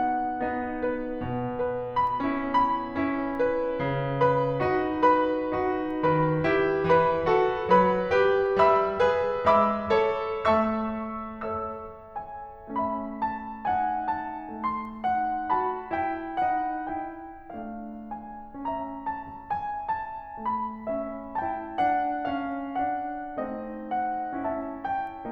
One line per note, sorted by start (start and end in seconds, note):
0.00 1.82 F#5
0.44 0.82 B3
0.44 0.82 D#4
0.86 1.82 B4
1.28 1.82 B2
1.85 2.53 B5
2.18 2.53 C#4
2.18 2.53 E4
2.54 4.21 B5
2.91 3.34 C#4
2.91 3.34 E4
3.36 4.21 B4
3.78 4.21 C#3
4.23 5.04 B4
4.23 5.04 B5
4.62 5.04 D#4
4.62 5.04 F#4
5.05 6.00 B4
5.05 6.00 B5
5.54 6.00 D#4
5.54 6.00 F#4
6.04 6.43 D#3
6.04 6.78 B4
6.04 6.78 B5
6.46 6.78 E4
6.46 6.78 G4
6.80 7.24 E3
6.80 7.71 B4
6.80 7.71 B5
7.27 7.71 F#4
7.27 7.71 A4
7.72 8.15 F#3
7.72 8.15 B4
7.72 8.58 B5
8.16 8.58 G4
8.16 8.58 B4
8.59 9.00 G3
8.59 9.46 E5
8.59 9.46 B5
8.59 9.46 E6
9.01 9.46 G#4
9.01 9.46 B4
9.47 9.88 G#3
9.47 10.44 E5
9.47 10.44 B5
9.47 10.44 D6
9.47 10.44 E6
9.89 10.44 A4
9.89 10.44 C#5
10.46 11.49 A3
10.46 12.70 E5
10.46 11.49 A5
10.46 11.49 C#6
10.46 11.49 E6
11.52 12.70 A4
11.52 12.70 C#5
11.52 12.10 E6
12.12 12.70 G#5
12.71 14.63 A3
12.71 13.64 C#4
12.71 13.64 E5
12.71 13.21 B5
13.22 13.64 A5
13.65 15.09 D#4
13.65 15.09 F#5
13.65 14.12 G#5
14.13 14.63 A5
14.65 17.52 A3
14.65 15.48 C6
15.10 15.48 D#4
15.10 15.48 F#5
15.49 15.93 F#4
15.49 15.93 A5
15.49 18.09 B5
15.95 16.51 E4
15.95 16.51 G5
16.53 17.01 D#4
16.53 17.01 F#5
17.02 17.52 E4
17.02 17.52 G5
17.54 20.43 A3
17.54 18.58 D4
17.54 18.58 F5
18.10 18.58 G#5
18.59 20.93 C#4
18.59 20.93 E5
18.59 19.04 A#5
19.05 19.49 A5
19.50 19.99 G#5
20.00 20.43 A5
20.46 23.39 A3
20.46 21.34 B5
20.96 21.34 C#4
20.96 21.34 E5
21.36 21.76 E4
21.36 21.76 G5
21.36 23.86 A5
21.78 22.21 D4
21.78 22.21 F#5
22.24 22.76 C#4
22.24 22.76 F5
22.78 23.39 D4
22.78 23.39 F#5
23.41 25.31 A3
23.41 24.36 C4
23.41 24.36 D#5
23.50 24.44 D#4
23.87 24.36 F#5
24.38 25.31 C#4
24.38 25.31 E4
24.38 25.31 E5
24.38 24.81 A5
24.82 25.31 G5